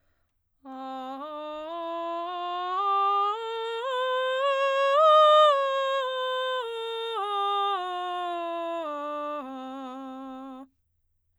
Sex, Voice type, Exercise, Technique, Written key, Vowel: female, soprano, scales, straight tone, , a